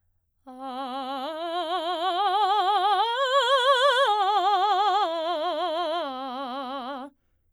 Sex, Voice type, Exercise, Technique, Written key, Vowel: female, soprano, arpeggios, slow/legato forte, C major, a